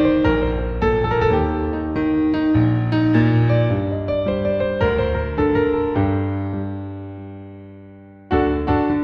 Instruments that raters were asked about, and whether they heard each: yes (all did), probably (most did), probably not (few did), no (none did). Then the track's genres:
piano: yes
Electronic; Soundtrack; Instrumental